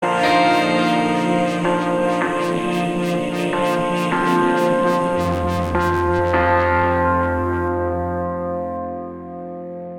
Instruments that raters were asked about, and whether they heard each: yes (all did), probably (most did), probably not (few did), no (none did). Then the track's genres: trombone: probably not
trumpet: no
Post-Rock; Experimental; Ambient; Lounge